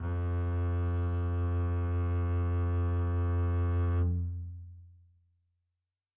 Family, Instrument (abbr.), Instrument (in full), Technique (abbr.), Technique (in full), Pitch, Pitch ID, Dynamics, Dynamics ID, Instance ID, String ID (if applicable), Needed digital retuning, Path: Strings, Cb, Contrabass, ord, ordinario, F2, 41, mf, 2, 2, 3, FALSE, Strings/Contrabass/ordinario/Cb-ord-F2-mf-3c-N.wav